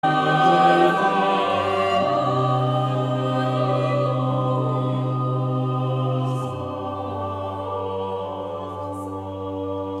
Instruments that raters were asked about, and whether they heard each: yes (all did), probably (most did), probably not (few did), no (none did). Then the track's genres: voice: yes
banjo: no
Choral Music